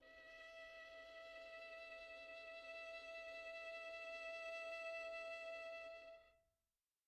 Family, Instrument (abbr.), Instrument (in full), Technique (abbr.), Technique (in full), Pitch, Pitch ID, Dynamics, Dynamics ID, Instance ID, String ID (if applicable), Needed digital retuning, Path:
Strings, Vn, Violin, ord, ordinario, E5, 76, pp, 0, 2, 3, FALSE, Strings/Violin/ordinario/Vn-ord-E5-pp-3c-N.wav